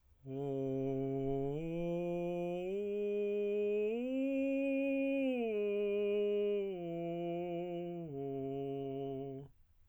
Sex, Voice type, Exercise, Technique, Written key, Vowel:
male, tenor, arpeggios, straight tone, , o